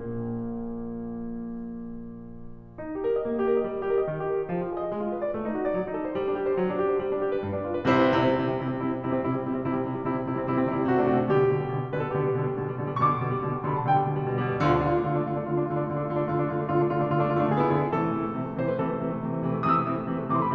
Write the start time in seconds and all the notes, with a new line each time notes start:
0.00 A#1 A#2 A#3
2.87 D#4
2.98 G4
3.05 A#4
3.15 D#5
3.25 A#3
3.37 G4
3.47 A#4
3.59 D#5
3.68 G3
3.78 G4
3.89 A#4
3.99 D#5
4.12 D#3
4.21 G4
4.31 A#4
4.39 D#5
4.48 F3
4.60 F4
4.68 G#4
4.78 D#5
4.89 G#3
4.98 F4
5.10 B4
5.22 D5
5.34 A3
5.46 D#4
5.56 F#4
5.67 D5
5.76 F#3
5.85 D#4
5.96 A4
6.05 C5
6.14 G3
6.23 D4
6.34 G4
6.43 C5
6.52 F#3
6.66 D4
6.80 G4
6.92 C5
7.02 G3
7.11 D4
7.24 G4
7.35 B4
7.44 G2
7.55 D4
7.65 F4
7.72 B4
7.84 C2 C3 E4 C5
8.01 C3 E4
8.09 G3 C4
8.17 C3 E4
8.28 G3 C4
8.37 C3 E4
8.48 G3 C4
8.59 C3 E4
8.68 G3 C4
8.79 C3 E4
8.87 G3 C4
9.01 C3 E4
9.13 G3 C4
9.23 C3 E4
9.36 G3 C4
9.49 C3 E4
9.61 G3 C4
9.74 C3 E4
9.86 G3 C4
9.96 C3 E4
10.12 G3 C4
10.25 C3 E4
10.34 G3 C4
10.47 C3 E4
10.58 G3 C4
10.68 C3 E4
10.79 G3 C4
10.89 C3 F#4
10.98 A3 D4
11.10 C3 F#4
11.24 A3 D4
11.33 B2 D3 G4
11.41 G3
11.52 B2 D3
11.62 G3
11.70 B2 D3
11.80 G3
11.90 B2 D3 B4
11.96 G3 A4
12.05 B2 D3 G4
12.16 G3
12.27 B2 D3
12.40 G3
12.50 B2 D3
12.62 G3
12.74 B2 D3
12.85 G3
12.93 B2 D3 C#6
13.10 G3 D6
13.22 B2 D3
13.34 G3
13.43 B2 D3
13.54 G3 C6
13.65 B2 D3 B5
13.76 G3 A5
13.86 B2 D3 G5
14.00 G3
14.08 B2 D3
14.19 G3
14.27 B2 D3
14.36 G3
14.47 B2 D3
14.57 G3
14.68 D2 D3 F4
14.78 D4
14.85 D3 F4
15.00 A3 D4
15.09 D3 F4
15.17 A3 D4
15.26 D3 F4
15.36 A3 D4
15.48 D3 F4
15.58 A3 D4
15.67 D3 F4
15.77 A3 D4
15.85 D3 F4
15.96 A3 D4
16.07 D3 F4
16.15 A3 D4
16.24 D3 F4
16.35 A3 D4
16.49 D3 F4
16.57 A3 D4
16.68 D3 F4
16.81 A3 D4
16.93 D3 F4
17.00 A3 D4
17.10 D3 F4
17.21 A3 D4
17.32 D3 F4
17.41 A3 D4
17.53 D3 G#4
17.64 B3 E4
17.74 D3 G#4
17.84 B3 E4
17.95 C3 E3 A4
18.04 A3
18.12 C3 E3
18.20 A3
18.32 C3 E3
18.44 A3
18.54 C3 E3 C5
18.65 A3 B4
18.78 C3 E3 A4
18.91 A3
19.03 C3 E3
19.14 A3
19.25 C3 E3
19.35 A3
19.46 C3 E3
19.56 A3
19.66 C3 E3 D#6
19.77 A3 E6
19.86 C3 E3
19.96 A3
20.10 C3 E3
20.20 A3 D6
20.34 C3 E3 C6
20.45 A3 B5